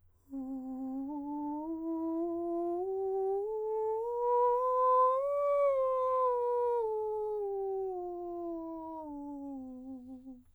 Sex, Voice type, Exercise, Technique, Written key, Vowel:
male, countertenor, scales, breathy, , u